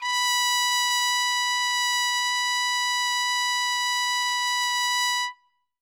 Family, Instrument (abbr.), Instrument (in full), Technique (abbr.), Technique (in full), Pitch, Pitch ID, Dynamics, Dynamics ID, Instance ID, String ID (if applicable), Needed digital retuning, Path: Brass, TpC, Trumpet in C, ord, ordinario, B5, 83, ff, 4, 0, , FALSE, Brass/Trumpet_C/ordinario/TpC-ord-B5-ff-N-N.wav